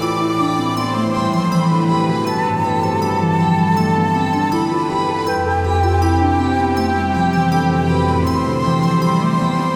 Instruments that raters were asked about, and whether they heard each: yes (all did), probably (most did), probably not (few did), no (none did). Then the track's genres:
flute: probably
Ambient